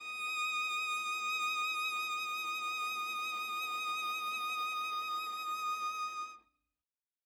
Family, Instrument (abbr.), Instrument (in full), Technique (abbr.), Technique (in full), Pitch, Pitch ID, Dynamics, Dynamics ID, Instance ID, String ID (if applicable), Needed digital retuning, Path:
Strings, Va, Viola, ord, ordinario, D#6, 87, ff, 4, 0, 1, TRUE, Strings/Viola/ordinario/Va-ord-D#6-ff-1c-T14u.wav